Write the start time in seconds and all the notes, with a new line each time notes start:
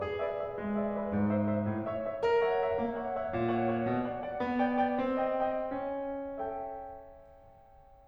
0.00 G#4
0.17 B4 D5 E5
0.35 B4 D5 E5
0.52 G#3
0.70 B4 D5 E5
0.88 B4 D5 E5
1.06 G#2
1.29 C5 E5
1.49 C5 E5
1.65 A2
1.86 C#5 E5
2.03 C#5 E5
2.22 A#4
2.40 C#5 E5 F#5
2.60 C#5 E5 F#5
2.77 A#3
2.96 C#5 E5 F#5
3.10 C#5 E5 F#5
3.31 A#2
3.53 C#5 F#5
3.69 C#5 F#5
3.89 B2
4.08 D5 F#5
4.24 D5 F#5
4.44 B3
4.61 D5 G5
4.79 D5 G5
5.00 C4
5.26 D#5 G5
5.51 D#5 G5
5.75 C#4
6.05 A4 E5 G5